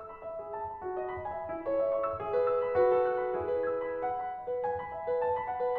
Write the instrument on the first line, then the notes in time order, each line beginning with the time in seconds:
piano
0.00 E6
0.13 B5
0.26 E5
0.43 G#4
0.56 A5
0.70 B5
0.84 F#4
1.01 D#5
1.11 B5
1.23 G#5
1.36 E5
1.52 E4
1.64 A4 C#5
1.79 E5
1.92 C#6
2.05 E6
2.19 G#4 E5
2.36 B4
2.50 E6
2.71 B5
2.87 F#4 A4
3.03 B4
3.16 B5
3.30 D#6 F#6
3.42 E4 B4
3.55 G#4
3.75 E6 G#6
3.88 B5
4.02 F#5
4.19 B5
4.35 D#5
4.49 B4
4.64 G#5
4.81 B5
4.93 E5
5.09 B4
5.22 A5
5.39 B5
5.49 F#5
5.67 B4